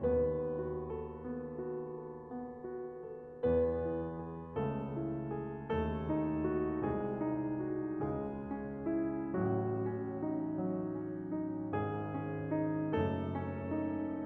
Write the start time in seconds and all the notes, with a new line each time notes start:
0.00 D#2 D#3 B3 B4
0.41 F#4
0.80 A4
1.16 B3
1.54 F#4
1.86 A4
2.18 B3
2.51 F#4
2.93 A4
3.38 E2 E3 B3 B4
3.80 E4
4.18 G#4
4.54 C#2 C#3 A3 A4
4.95 E4
5.31 G#4
5.75 D#2 D#3 A3 A4
6.12 D#4
6.47 F#4
6.86 C2 C3 G#3 G#4
7.20 D#4
7.59 F#4
7.99 C#2 C#3 G#3 G#4
8.38 C#4
8.90 E4
9.39 A1 A2 F#3 F#4
9.88 C#4
10.26 D#4
10.65 F#3
11.01 C#4
11.32 D#4
11.71 G#1 G#2 G#3 G#4
12.05 C#4
12.49 D#4
12.95 F#1 F#2 A3 A4
13.35 C#4
13.77 D#4